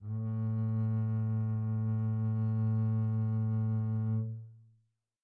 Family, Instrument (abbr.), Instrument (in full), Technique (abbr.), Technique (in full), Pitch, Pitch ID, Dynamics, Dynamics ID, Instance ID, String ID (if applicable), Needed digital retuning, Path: Strings, Cb, Contrabass, ord, ordinario, A2, 45, pp, 0, 2, 3, TRUE, Strings/Contrabass/ordinario/Cb-ord-A2-pp-3c-T12d.wav